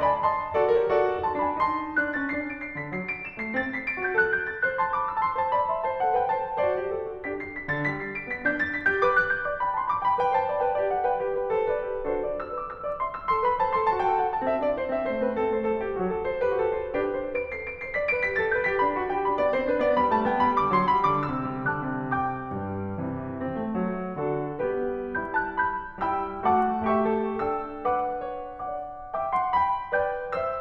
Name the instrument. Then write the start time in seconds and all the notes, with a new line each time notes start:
piano
0.00 D5 G#5 B5
0.14 D#5 A5 C6
0.53 F#4 A4 D5
0.71 G4 A#4 C#5
0.89 F#4 A4 D5
1.24 D#4 A5 C6
1.39 D4 G#5 B5
1.64 D#4 A5 C6
1.96 D4 F#6
2.11 C#4 A6
2.30 D4 C7
2.44 D7
2.62 C7
2.77 D3 B6
2.91 F#3 C7
3.07 D7
3.22 E7
3.39 A3 C7
3.58 C4 A6
3.72 B6
3.85 C7
3.99 F#4 A6
4.16 A4 F#6
4.38 G6
4.57 C5 A6
4.71 A4 F#6
4.84 A5 C6
4.95 B5 D6
5.06 C6 E6
5.21 A5 C6
5.39 C5 A5
5.51 D5 B5
5.70 E5 C6
5.84 C5 A5
6.00 A4 F#5
6.13 B4 G5
6.29 C5 A5
6.49 A4 F#5
6.64 F#4 A4 C5 D5
6.79 G4
6.94 A4
7.11 F#4
7.26 D4 G4 B4 B6
7.40 C7
7.57 B6
7.71 D3 A6
7.91 G3 B6
8.06 C7
8.19 D7
8.31 B3 B6
8.45 D4 G6
8.58 A6
8.72 B6
8.85 G4 G6
8.99 B4 D6
9.14 F#6
9.28 G6
9.45 D5 D6
9.60 G5 B5
9.74 A5 C6
9.93 B5 D6
10.07 G5 B5
10.22 B4 G5
10.37 C5 A5
10.48 D5 B5
10.61 B4 G5
10.75 G4 D5
10.89 A4 F#5
11.04 B4 G5
11.23 G4 B4
11.40 G4 B4
11.54 A4 C5
11.68 B4 D5
11.91 G4 B4
12.06 D4 F#4 A4 C5
12.24 D5
12.38 C5 E6
12.54 B4 D6
12.67 C5 E6
12.84 D5 D6
13.00 E5 C6
13.14 C5 E6
13.27 A4 C6
13.43 B4 B5
13.61 C5 A5
13.75 A4 C6
13.89 F#4 A5
14.05 G4 G5
14.20 A4 F#5
14.34 F#4 A5
14.48 C4 E5
14.63 D4 D5
14.78 E4 C5
14.93 C4 E5
15.09 A3 C5
15.22 B3 B4
15.37 C4 A4
15.53 A3 C5
15.66 F#3 A4
15.80 G3 G4
15.94 A3 F#4
16.07 F#3 A4
16.25 A4 C5
16.47 G4 B4
16.61 F#4 A4
16.76 A4 C5
16.96 D4 G4 B4
17.12 C5
17.35 B4 D7
17.51 A4 C7
17.66 B4 D7
17.82 C5 C7
17.97 D5 B6
18.15 B4 D7
18.27 G4 B6
18.43 A4 A6
18.56 B4 G6
18.72 G4 B6
18.85 D4 B5
18.99 F#4 A5
19.14 G4 G5
19.27 D4 B5
19.41 B3 D5
19.53 C4 C5
19.66 D4 B4
19.77 B3 D5
19.93 G3 B5
20.13 A3 A5
20.25 B3 G5
20.39 G3 B5
20.58 D3 D6
20.70 F#3 C6
20.87 G3 B5
21.04 D3 D6
21.30 C3 E6
21.51 G3
21.71 D3 A5 D6 F#6
21.87 C3
22.12 B2 G5 D6 G6
22.53 G2 G3
23.02 C3 E3
23.43 C4
23.59 A3
23.77 F#3
24.20 D3 D4 F#4 A4
24.59 G3 B3 G4 B4
25.18 G3 E4 B5 G6
25.38 A5 F#6
25.60 B5 G6
26.06 G3 E4 G5 B5 E6
26.47 A3 F#4 F#5 A5 D6
26.91 A3 G4 E5 G5 C#6
27.23 A4
27.43 D4 A4 G5 E6
27.85 B4 F#5 D6
28.31 C#5
28.48 D5 F#5 D6
29.13 E5 G5 D6
29.33 F#5 A5 C6
29.54 G5 B5
29.95 B4 D5 G5 G6
30.38 C5 E5 E6